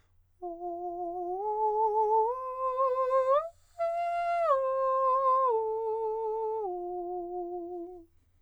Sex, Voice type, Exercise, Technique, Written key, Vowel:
male, countertenor, arpeggios, slow/legato piano, F major, o